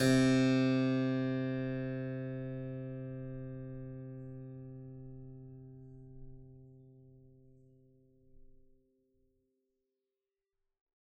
<region> pitch_keycenter=48 lokey=48 hikey=49 volume=-0.020009 trigger=attack ampeg_attack=0.004000 ampeg_release=0.400000 amp_veltrack=0 sample=Chordophones/Zithers/Harpsichord, Flemish/Sustains/Low/Harpsi_Low_Far_C2_rr1.wav